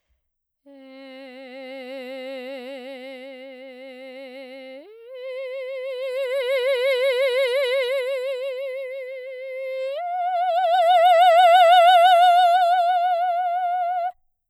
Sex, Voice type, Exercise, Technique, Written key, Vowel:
female, soprano, long tones, messa di voce, , e